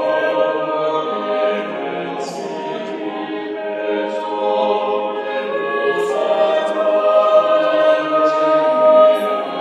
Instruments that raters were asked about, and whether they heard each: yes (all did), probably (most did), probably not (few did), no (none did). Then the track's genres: voice: yes
cymbals: no
synthesizer: no
mandolin: no
Choral Music